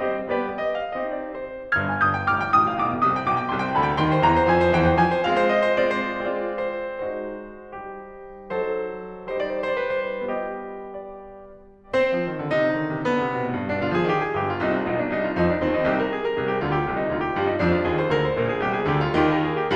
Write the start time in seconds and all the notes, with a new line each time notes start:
0.01 G3 C4 G4 C5 D#5
0.27 G3 B3 G4 D5
0.59 D#5
0.77 F5
0.92 C4 D#4 G4 D#5
1.11 D5
1.36 C5
1.75 G1 G2 F6 G#6
1.88 G5
2.04 D#6 G6
2.15 G5
2.27 G1 G2 D6 F6
2.40 G5
2.57 A1 A2 C6 D#6
2.70 G5
2.82 B1 B2 D6
2.93 G5 G#5
3.08 C2 C3 D#6
3.16 G5
3.27 B1 B2 D6
3.37 G5
3.45 C2 C3 C6
3.57 G5
3.70 D2 D3 B5
3.84 G5
3.96 D#2 D#3 G5 C6
4.08 C5
4.21 D#2 D#3 G5 A#5
4.32 C5
4.43 F2 F3 G#5
4.56 C5
4.70 D#2 D#3 G5
4.84 C5
4.95 F2 F3 G#5
5.09 C5
5.24 G#3 C4 F4 F5
5.37 C5
5.53 D#5
5.68 C5
5.86 G#3 C4 F4 D5
5.98 C5
6.11 G#3 C4 F4 D5
6.50 C5
7.08 G#3 D#4 F#4 C5
7.73 G3 G4
8.49 F#3 D#4 A4 C5
9.26 G3 D#4 G4 C5
9.39 D5
9.48 C5
9.60 D5
9.73 C5
9.84 D5
10.07 C5
10.18 D5
10.32 G3 B3 F4 D#5
10.93 D5
11.93 C4 C5
12.16 F3
12.28 D#3
12.36 D3
12.49 C3 D#4
12.60 D3
12.77 D#3
12.96 C3
13.09 D3 B3
13.22 C3
13.36 B2
13.47 A2
13.58 G2
13.72 B2 D4
13.87 D3 F4
14.01 F3 G#4
14.11 D#3 G4
14.25 G#4
14.36 G1 G2 G4
14.48 F4
14.62 C2 C3 D#4
14.76 F4
14.89 B1 B2 D#4
15.01 D4
15.11 C2 C3 D#4
15.23 F4
15.35 F2 F3 D#4
15.48 D4
15.60 D#2 D#3 C4
15.74 D#4
15.85 C2 C3 G4
15.98 A#4
16.14 G#4
16.31 A#4
16.41 C2 C3 G#4
16.52 G4
16.65 D2 D3 F4
16.76 G4
16.88 C2 C3 F4
17.01 D#4
17.13 D2 D3 F4
17.25 G4
17.37 G2 G3 F4
17.49 D#4
17.62 F2 F3 D4
17.75 F4
17.87 D#2 D#3 G#4
17.99 C5
18.12 D2 D3 A#4
18.26 C5
18.38 A#1 A#2 A#4
18.51 G#4
18.64 C2 C3 G4
18.76 G#4
18.88 D2 D3 G4
19.03 F4
19.16 D#2 D#3 G4
19.35 A#4
19.49 G#4
19.60 G4